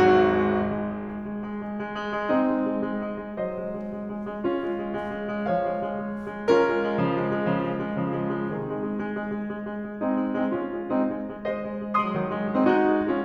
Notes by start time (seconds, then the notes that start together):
0.00 G#1 G#2 F#4
0.27 G#3
0.49 G#3
0.68 G#3
0.86 G#3
1.03 G#3
1.20 G#3
1.37 G#3
1.54 G#3
1.71 G#3
1.86 G#3
2.11 G#3
2.31 C4 D#4
2.51 G#3
2.68 G#3
2.84 G#3
2.98 G#3
3.15 G#3
3.38 F#3 C5 D#5
3.68 G#3
3.85 G#3
4.02 G#3
4.16 G#3
4.32 G#3
4.47 C#4 F4
4.64 G#3
4.81 G#3
4.99 G#3
5.14 G#3
5.31 G#3
5.48 F3 C#5 F5
5.64 G#3
5.84 G#3
5.97 G#3
6.14 G#3
6.33 G#3
6.48 C#4 F4 A#4
6.63 G#3
6.78 G#3
6.95 C#3 F3
7.13 G#3
7.30 G#3
7.48 C#3 F3
7.64 G#3
7.79 G#3
7.95 C#3 F3
8.17 G#3
8.32 G#3
8.51 C3 D#3 C4 D#4 G#4
8.65 G#3
8.78 G#3
8.93 G#3
9.11 G#3
9.32 G#3
9.47 G#3
9.66 G#3
9.82 G#3
10.01 G#3 C4 D#4
10.19 G#3
10.37 G#3
10.45 C4 D#4
10.53 G#3 C#4 F4
10.73 G#3
10.89 G#3 C4 D#4
11.08 G#3
11.24 G#3
11.45 G#3 C5 D#5
11.63 G#3
11.80 G#3
11.99 G#3 C6 D#6
12.16 D#3 F#3
12.32 G#3
12.52 G#3
12.61 C4 D#4
12.70 G#3 D#4 F#4
12.91 G#3
13.08 G#3 C#4 F4